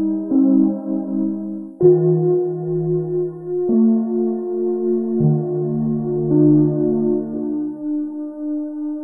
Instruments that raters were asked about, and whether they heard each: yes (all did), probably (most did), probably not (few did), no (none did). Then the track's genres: synthesizer: probably
Electronic; Experimental; Ambient